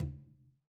<region> pitch_keycenter=65 lokey=65 hikey=65 volume=17.938868 lovel=84 hivel=106 seq_position=2 seq_length=2 ampeg_attack=0.004000 ampeg_release=15.000000 sample=Membranophones/Struck Membranophones/Conga/Tumba_HitN_v3_rr2_Sum.wav